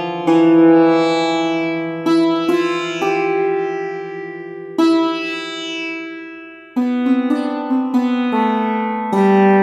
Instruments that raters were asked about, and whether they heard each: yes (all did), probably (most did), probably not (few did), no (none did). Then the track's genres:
ukulele: no
mandolin: probably not
Experimental; Ambient